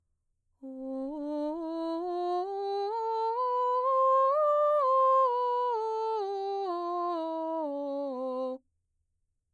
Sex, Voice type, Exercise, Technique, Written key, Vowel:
female, mezzo-soprano, scales, slow/legato piano, C major, o